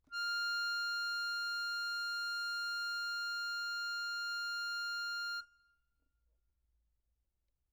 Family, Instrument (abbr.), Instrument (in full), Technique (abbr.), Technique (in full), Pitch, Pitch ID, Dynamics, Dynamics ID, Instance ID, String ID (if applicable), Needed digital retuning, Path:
Keyboards, Acc, Accordion, ord, ordinario, F6, 89, mf, 2, 2, , FALSE, Keyboards/Accordion/ordinario/Acc-ord-F6-mf-alt2-N.wav